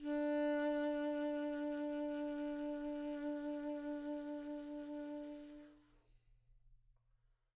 <region> pitch_keycenter=62 lokey=62 hikey=63 tune=-2 volume=21.156322 ampeg_attack=0.004000 ampeg_release=0.500000 sample=Aerophones/Reed Aerophones/Tenor Saxophone/Vibrato/Tenor_Vib_Main_D3_var1.wav